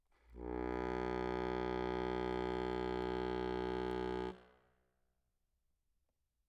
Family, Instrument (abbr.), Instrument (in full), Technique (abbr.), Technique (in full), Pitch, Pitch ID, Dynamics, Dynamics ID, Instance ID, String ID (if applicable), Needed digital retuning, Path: Keyboards, Acc, Accordion, ord, ordinario, B1, 35, mf, 2, 1, , FALSE, Keyboards/Accordion/ordinario/Acc-ord-B1-mf-alt1-N.wav